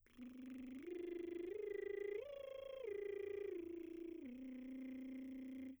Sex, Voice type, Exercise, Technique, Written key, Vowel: female, soprano, arpeggios, lip trill, , i